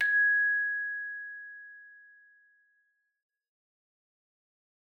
<region> pitch_keycenter=92 lokey=92 hikey=93 tune=-4 volume=6.244542 ampeg_attack=0.004000 ampeg_release=30.000000 sample=Idiophones/Struck Idiophones/Hand Chimes/sus_G#5_r01_main.wav